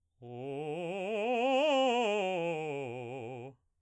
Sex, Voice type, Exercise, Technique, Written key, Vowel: male, baritone, scales, fast/articulated piano, C major, o